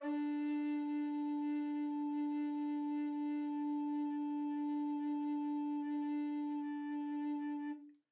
<region> pitch_keycenter=62 lokey=62 hikey=63 tune=-1 volume=12.224712 offset=222 ampeg_attack=0.004000 ampeg_release=0.300000 sample=Aerophones/Edge-blown Aerophones/Baroque Bass Recorder/Sustain/BassRecorder_Sus_D3_rr1_Main.wav